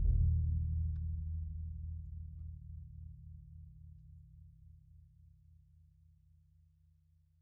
<region> pitch_keycenter=65 lokey=65 hikey=65 volume=19.421612 lovel=84 hivel=106 ampeg_attack=0.004000 ampeg_release=2.000000 sample=Membranophones/Struck Membranophones/Bass Drum 2/bassdrum_roll_fast_mf_rel.wav